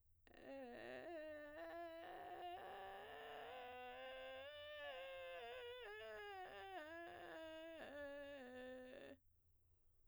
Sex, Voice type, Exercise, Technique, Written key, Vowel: female, soprano, scales, vocal fry, , e